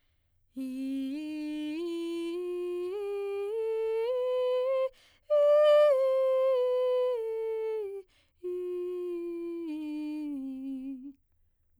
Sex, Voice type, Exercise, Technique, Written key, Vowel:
female, soprano, scales, breathy, , i